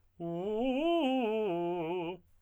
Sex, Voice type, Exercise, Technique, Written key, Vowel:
male, tenor, arpeggios, fast/articulated piano, F major, u